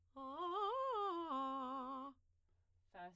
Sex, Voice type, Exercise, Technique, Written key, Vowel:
female, soprano, arpeggios, fast/articulated piano, C major, a